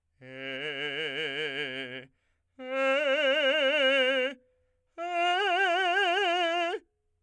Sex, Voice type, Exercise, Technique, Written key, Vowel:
male, , long tones, trill (upper semitone), , e